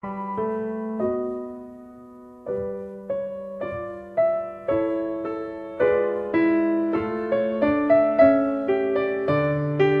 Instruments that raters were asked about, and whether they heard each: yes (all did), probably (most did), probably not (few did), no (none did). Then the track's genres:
piano: yes
drums: no
Classical